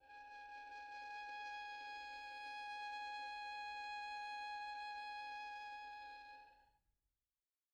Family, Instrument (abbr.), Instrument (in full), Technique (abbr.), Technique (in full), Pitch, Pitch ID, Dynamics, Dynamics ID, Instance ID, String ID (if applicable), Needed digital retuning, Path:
Strings, Vn, Violin, ord, ordinario, G#5, 80, pp, 0, 2, 3, FALSE, Strings/Violin/ordinario/Vn-ord-G#5-pp-3c-N.wav